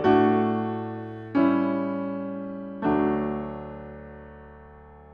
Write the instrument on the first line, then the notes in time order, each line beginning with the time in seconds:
piano
0.00 A2 D5
0.05 A3
0.17 D4
0.28 F#4
1.38 G3
1.54 C#4
1.79 F#4
1.94 E4
2.04 F#4
2.21 E4
2.40 F#4
2.54 E4
2.68 F#4
2.80 E4
2.89 F#4
2.97 D2 E4
3.03 F#3
3.12 D4
3.26 A3 E4
3.36 D4